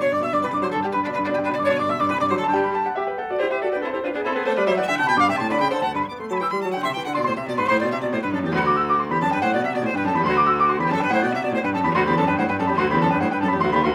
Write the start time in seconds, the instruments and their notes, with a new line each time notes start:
0.00 piano B2 D3 C#6, violin C#5
0.12 piano G2 D6, violin D5
0.19 piano B2 D3 E6, violin E5
0.28 piano G2 D6, violin D5
0.38 piano B2 D3 B5, violin B4
0.51 piano G2 D6, violin D5
0.62 piano D3 F#3 C6, violin C5
0.72 piano G2 A5, violin A4
0.84 piano D3 G3 G5, violin G4
0.96 piano G2 B5, violin B4
1.07 piano B2 D3 D5, violin D4
1.17 piano G2 B5, violin B4
1.28 piano B2 D3 D5, violin D4
1.37 piano G2 G5, violin G4
1.46 piano B2 D3 B5, violin B4
1.57 piano G2 D6, violin D5
1.67 piano B2 D3 C#6, violin C#5
1.78 piano G2 D6, violin D5
1.87 piano B2 D3 E6, violin E5
2.00 piano G2 D6, violin D5
2.10 piano B2 D3 B5, violin B4
2.21 piano G2 D6, violin D5
2.31 piano D3 F#3 C6, violin C5
2.43 piano G2 A5, violin A4
2.53 piano G2 D3 G3 G5, violin G4
2.64 piano B5
2.75 piano A5
2.87 piano F#5
2.97 piano G4 E5
3.11 piano B4 G5
3.19 piano A4 F#5
3.31 piano F#4 D5
3.41 piano E4 C5, violin G4
3.53 piano G4 E5, violin B4
3.63 piano F#4 D5, violin A4
3.74 piano D4 B4, violin F#4
3.84 piano C4 A4, violin E4
3.95 piano E4 C5, violin G4
4.05 piano D4 B4, violin F4
4.16 piano B3 G#4, violin D4
4.26 piano C4 A4, violin E4
4.37 piano B3 B4, violin G4
4.47 piano A3 C5, violin A4
4.57 piano G3 D5, violin B4
4.68 piano F#3 E5, violin C5
4.77 piano E3 F#5, violin D5
4.86 piano D3 G5, violin E5
4.98 piano C3 A5, violin F#5
5.09 piano B2 B5, violin G5
5.19 piano G2 D6, violin F5
5.29 piano C3 G5, violin E5
5.40 piano A2 C6, violin A5
5.53 piano D3 D5, violin B4
5.62 piano C#3 B5, violin G5
5.72 piano D3 C5, violin A4
5.84 piano D2 A5, violin F#5
5.96 piano G2 B5, violin B4
6.07 piano B3, violin D6
6.19 piano A3, violin C6
6.29 piano F#3 B5, violin A5
6.42 piano E3 E6, violin G5
6.52 piano G3, violin B5
6.63 piano F#3, violin A5
6.73 piano D3 G5, violin F#5
6.84 piano C3 C6, violin E5
6.94 piano E3, violin G5
7.06 piano D3, violin F#5
7.16 piano B2 C6, violin D5
7.27 piano A2 C6, violin C5
7.38 piano C3, violin E5
7.49 piano B2, violin D5
7.59 piano G#2 C6, violin B4
7.70 piano A2 C6, violin C5
7.80 piano B2, violin D5
7.91 piano C3, violin E5
8.01 piano B2, violin D5
8.12 piano A2, violin C5
8.22 piano G2, violin B4
8.32 piano F#2, violin A4
8.43 piano E2, violin G4
8.53 piano D2, violin F#4
8.65 piano D6
8.75 piano E6
8.87 piano D6
8.97 piano C6
9.08 piano E2 B5, violin G4
9.18 piano F#2 A5, violin A4
9.29 piano G2 G5, violin B4
9.39 piano A2 F#5, violin C5
9.51 piano B2, violin D5
9.61 piano C3, violin E5
9.71 piano B2, violin D5
9.81 piano A2, violin C5
9.93 piano G2 G5, violin B4
10.04 piano F#2 A5, violin A4
10.15 piano E2 B5, violin G4
10.25 piano D2 C6, violin F#4
10.36 piano D6
10.48 piano E6
10.59 piano D6
10.70 piano C6
10.81 piano E2 B5, violin G4
10.91 piano F#2 A5, violin A4
11.02 piano G2 G5, violin B4
11.12 piano A2 F#5, violin C5
11.23 piano B2, violin D5
11.33 piano C3, violin E5
11.42 piano B2, violin D5
11.53 piano A2, violin C5
11.63 piano G2 G5, violin B4
11.75 piano F#2 A5, violin A4
11.85 piano E2 B5, violin G4
11.96 piano D2 C6, violin F#4
12.06 piano E2 B5, violin G4
12.18 piano F#2 A5, violin A4
12.28 piano G2 G5, violin B4
12.39 piano A2 F#5, violin C5
12.49 piano G2 G5, violin B4
12.60 piano F#2 A5, violin A4
12.70 piano E2 B5, violin G4
12.81 piano D2 C6, violin F#4
12.91 piano E2 B5, violin G4
13.01 piano F#2 A5, violin A4
13.12 piano G2 G5, violin B4
13.24 piano A2 F#5, violin C5
13.34 piano G2 G5, violin B4
13.42 piano F#2 A5, violin A4
13.51 piano E2 B5, violin G4
13.62 piano D2 C6, violin F#4
13.72 piano E2 B5, violin G4
13.84 piano D2 C6, violin F#4